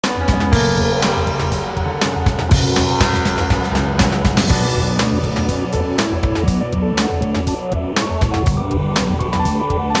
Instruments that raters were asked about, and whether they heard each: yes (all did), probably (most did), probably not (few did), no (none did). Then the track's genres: cymbals: yes
Jazz; Rock; Electronic